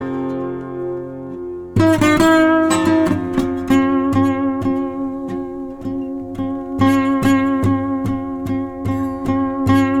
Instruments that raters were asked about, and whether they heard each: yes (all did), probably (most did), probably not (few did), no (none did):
ukulele: no
mandolin: probably not
organ: no